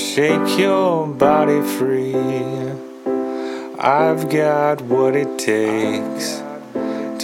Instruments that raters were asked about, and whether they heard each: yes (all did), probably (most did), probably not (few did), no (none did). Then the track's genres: ukulele: no
Pop; Rock